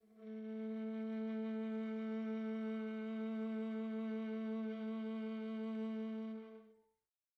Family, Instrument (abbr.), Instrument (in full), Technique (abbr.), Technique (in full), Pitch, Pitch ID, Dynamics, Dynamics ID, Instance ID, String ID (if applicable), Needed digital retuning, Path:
Strings, Va, Viola, ord, ordinario, A3, 57, pp, 0, 3, 4, TRUE, Strings/Viola/ordinario/Va-ord-A3-pp-4c-T14u.wav